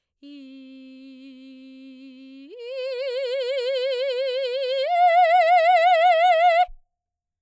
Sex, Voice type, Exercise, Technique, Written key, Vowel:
female, soprano, long tones, full voice forte, , i